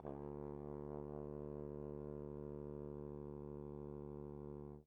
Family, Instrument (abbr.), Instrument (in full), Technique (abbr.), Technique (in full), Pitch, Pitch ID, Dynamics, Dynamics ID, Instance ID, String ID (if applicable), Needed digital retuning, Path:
Brass, Tbn, Trombone, ord, ordinario, D2, 38, pp, 0, 0, , TRUE, Brass/Trombone/ordinario/Tbn-ord-D2-pp-N-T12d.wav